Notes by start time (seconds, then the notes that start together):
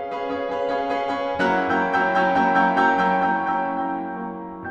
0.00 C#4 G#4 B4 F5
0.24 C#4 G#4 B4 F5
0.44 C#4 G#4 B4 F5
0.74 C#4 G#4 B4 F5
0.95 C#4 G#4 B4 F5
1.20 C#4 G#4 B4 F5
1.40 F#3 A#3 C#4 E4 F#5 A#5 C#6 E6 F#6
1.85 F#3 A#3 C#4 E4 G5 A#5 C#6 E6 G6
2.18 F#3 A#3 C#4 E4 G5 A#5 C#6 E6 G6
2.40 F#3 A#3 C#4 E4 G5 A#5 C#6 E6 G6
2.59 F#3 A#3 C#4 E4 G5 A#5 C#6 E6 G6
2.79 F#3 A#3 C#4 E4 G5 A#5 C#6 E6 G6
2.97 F#3 A#3 C#4 E4 G5 A#5 C#6 E6 G6
3.19 F#3 A#3 C#4 E4 G5 A#5 C#6 E6 G6
3.46 F#3 A#3 C#4 E4 G5 A#5 C#6 E6 G6
3.68 F#3 A#3 C#4 E4 G5 A#5 C#6 E6 G6
3.92 F#3 A#3 C#4 E4 G5 A#5 C#6 E6 G6
4.24 F#3 A#3 C#4 E4 G5 A#5 C#6 E6 G6